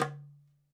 <region> pitch_keycenter=63 lokey=63 hikey=63 volume=1.485862 lovel=84 hivel=127 seq_position=2 seq_length=2 ampeg_attack=0.004000 ampeg_release=30.000000 sample=Membranophones/Struck Membranophones/Darbuka/Darbuka_4_hit_vl2_rr1.wav